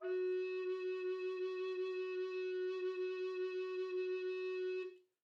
<region> pitch_keycenter=66 lokey=66 hikey=66 volume=13.094486 offset=161 ampeg_attack=0.004000 ampeg_release=0.300000 sample=Aerophones/Edge-blown Aerophones/Baroque Tenor Recorder/SusVib/TenRecorder_SusVib_F#3_rr1_Main.wav